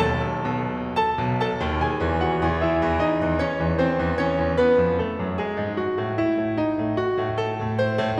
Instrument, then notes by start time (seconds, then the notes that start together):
piano
0.00 B1 D#2 A4 A5
0.48 B2
0.92 A4 A5
1.14 B1 B2
1.36 A4 A5
1.59 D#2 D#3
1.81 G#4 G#5
2.03 E2 E3
2.23 F#4 F#5
2.40 E2 E3
2.62 E4 E5
2.80 E2 E3
3.01 D#4 D#5
3.23 E2 E3
3.40 C#4 C#5
3.60 E2 E3
3.78 C4 C5
4.02 E2 E3
4.23 C#4 C#5
4.40 E2 E3
4.56 B3 B4
4.77 F2 F3
5.00 A3 A4
5.20 F#2 F#3
5.40 G#3 G#4
5.57 G#2 G#3
5.79 F#4
5.99 A2 A3
6.20 E4
6.42 A2 A3
6.59 D#4
6.78 A2 A3
7.01 F#4
7.19 A2 A3
7.42 A4
7.60 A2 A3
7.79 C5
7.96 A2 A3